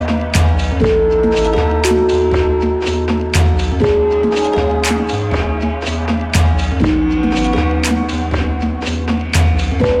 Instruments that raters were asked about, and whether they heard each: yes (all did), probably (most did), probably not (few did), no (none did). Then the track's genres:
ukulele: no
Experimental; Sound Collage; Trip-Hop